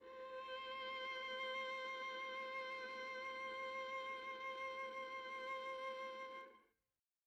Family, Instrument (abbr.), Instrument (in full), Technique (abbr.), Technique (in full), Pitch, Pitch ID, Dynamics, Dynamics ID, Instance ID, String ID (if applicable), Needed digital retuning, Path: Strings, Va, Viola, ord, ordinario, C5, 72, mf, 2, 3, 4, TRUE, Strings/Viola/ordinario/Va-ord-C5-mf-4c-T21u.wav